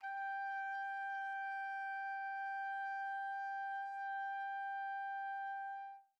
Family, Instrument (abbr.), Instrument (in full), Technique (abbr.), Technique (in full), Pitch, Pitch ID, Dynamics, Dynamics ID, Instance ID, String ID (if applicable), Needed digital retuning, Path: Brass, TpC, Trumpet in C, ord, ordinario, G5, 79, pp, 0, 0, , TRUE, Brass/Trumpet_C/ordinario/TpC-ord-G5-pp-N-T25d.wav